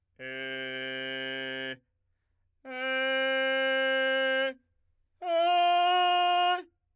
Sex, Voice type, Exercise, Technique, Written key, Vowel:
male, , long tones, straight tone, , e